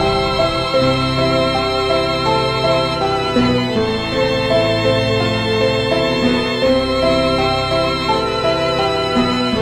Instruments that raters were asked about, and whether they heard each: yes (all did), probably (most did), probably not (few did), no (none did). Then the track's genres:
violin: probably
drums: no
banjo: probably not
Easy Listening; Soundtrack; Instrumental